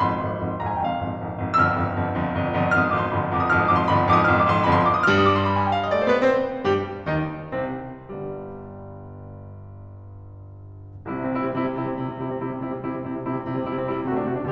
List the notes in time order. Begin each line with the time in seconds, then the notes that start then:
0.00 G1 F2 B5
0.12 C6
0.21 G1 F2
0.41 G1 F2
0.50 A#5
0.60 G1 F2 G#5
0.72 G5
0.82 G1 F2 F5
0.99 G1 F2
1.18 G#1 F2
1.39 G#1 F2
1.58 G1 F2 E6
1.67 F6
1.76 G1 F2
1.96 G1 F2
2.16 G1 F2
2.35 G1 F2
2.51 G1 F2
2.71 G#1 F2 F6
2.79 D#6
2.88 G#1 F2 D6
2.97 C6
3.04 G1 F2 B5
3.12 C6
3.23 G1 F2 D6
3.30 D#6
3.40 G1 F2 F6
3.51 D#6
3.60 G1 F2 D6
3.73 C6
3.82 G1 F2 B5
3.91 C6
4.01 G1 F2 D6
4.08 D#6
4.16 G#1 F2 F6
4.30 D#6
4.39 G#1 F2 D6
4.49 C6
4.63 G1 F2 B5
4.74 C6
4.86 D6
4.96 D#6
5.05 G2 G3 F6
5.11 D#6
5.21 D6
5.31 C6
5.41 B5
5.51 G#5
5.62 G5
5.70 F5
5.79 D#5
5.87 D5
5.98 A3 C5
6.10 B3 B4
6.19 C4 C5
6.65 G2 G3 G4
7.06 D#2 D#3 D#4
7.58 C2 C3 C4
8.16 G1 G2 G3
11.03 C2 C3 E4
11.13 C4
11.23 C3 E4
11.32 G3 C4
11.41 C3 E4
11.52 G3 C4
11.62 C3 E4
11.73 G3 C4
11.82 C3 E4
11.92 G3 C4
12.05 C3 E4
12.16 G3 C4
12.26 C3 E4
12.36 G3 C4
12.53 C3 E4
12.69 G3 C4
12.83 C3 E4
12.91 G3 C4
13.00 C3 E4
13.11 G3 C4
13.21 C3 E4
13.39 G3 C4
13.49 C3 E4
13.58 G3 C4
13.68 C3 E4
13.79 G3 C4
13.92 C3 E4
14.00 G3 C4
14.07 C3 F#4
14.16 A3 D4
14.28 C3 F#4
14.41 A3 D4